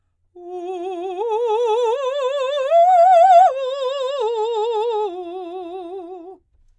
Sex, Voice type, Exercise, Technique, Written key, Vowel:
female, soprano, arpeggios, slow/legato forte, F major, u